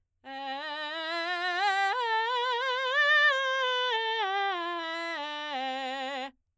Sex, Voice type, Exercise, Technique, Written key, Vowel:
female, soprano, scales, belt, , e